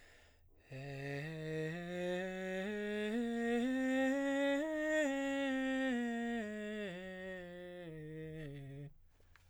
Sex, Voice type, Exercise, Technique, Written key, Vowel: male, baritone, scales, breathy, , u